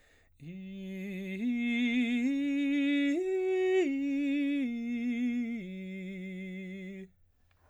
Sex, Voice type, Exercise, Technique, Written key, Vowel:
male, baritone, arpeggios, slow/legato piano, F major, i